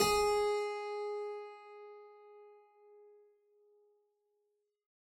<region> pitch_keycenter=68 lokey=68 hikey=69 volume=1.045983 trigger=attack ampeg_attack=0.004000 ampeg_release=0.400000 amp_veltrack=0 sample=Chordophones/Zithers/Harpsichord, Flemish/Sustains/Low/Harpsi_Low_Far_G#3_rr1.wav